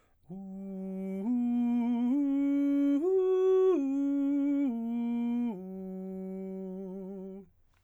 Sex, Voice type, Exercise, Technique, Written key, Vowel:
male, baritone, arpeggios, slow/legato piano, F major, u